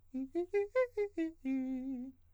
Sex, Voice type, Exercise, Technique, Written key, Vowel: male, countertenor, arpeggios, fast/articulated piano, C major, i